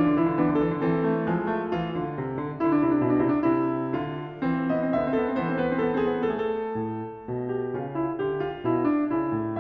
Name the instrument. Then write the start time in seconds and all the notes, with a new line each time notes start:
piano
0.00 D3 F4
0.07 E3
0.16 D3
0.23 E3 E4
0.31 D3
0.36 E3 B3
0.44 D3 D4
0.56 E3
0.67 D3 A4
0.75 E3
0.82 D3 C4
0.89 E3 A4
1.02 A3
1.24 G#3
1.30 F3
1.47 A3
1.65 F4
1.71 E3
1.93 D3
2.16 C3
2.39 D3
2.54 D4
2.60 D3 E4
2.69 D4
2.74 E4
2.79 C3 D4
2.91 E4
3.00 D4
3.04 B2
3.10 E4
3.18 D4
3.25 C3 E4
3.36 D4
3.41 E4
3.54 C3
3.97 F4
4.03 D3
4.42 B3
4.49 E3 C4
4.56 B3
4.63 C4
4.68 B3 D#5
4.77 C4
4.84 D3 B3 E5
4.91 C4
5.00 B3
5.07 C4 A4
5.17 B3
5.26 C4
5.32 E3 B3 C5
5.45 C4
5.55 B3
5.60 C4 B4
5.69 B3
5.77 C4 A4
5.86 B3
5.94 C4
6.06 B3 G#4
6.15 C4
6.21 A3
6.32 A4
6.40 G4
6.46 A4
6.77 A2
7.29 B2
7.53 G4
7.76 C#3 F4
7.94 E4
8.21 D3 G4
8.44 F4
8.67 B2 E4
8.86 D4
9.13 C#3 E4
9.35 A2